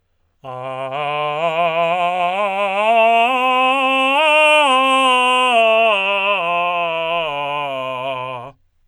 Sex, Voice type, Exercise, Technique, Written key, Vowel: male, tenor, scales, belt, , a